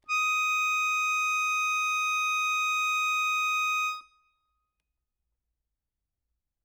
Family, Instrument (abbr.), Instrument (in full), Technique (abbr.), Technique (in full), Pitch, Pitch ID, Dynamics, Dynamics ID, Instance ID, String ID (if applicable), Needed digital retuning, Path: Keyboards, Acc, Accordion, ord, ordinario, D#6, 87, ff, 4, 1, , FALSE, Keyboards/Accordion/ordinario/Acc-ord-D#6-ff-alt1-N.wav